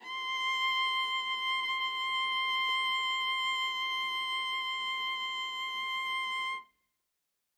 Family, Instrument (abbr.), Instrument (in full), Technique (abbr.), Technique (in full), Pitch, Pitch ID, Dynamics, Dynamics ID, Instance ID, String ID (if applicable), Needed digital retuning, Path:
Strings, Va, Viola, ord, ordinario, C6, 84, ff, 4, 1, 2, FALSE, Strings/Viola/ordinario/Va-ord-C6-ff-2c-N.wav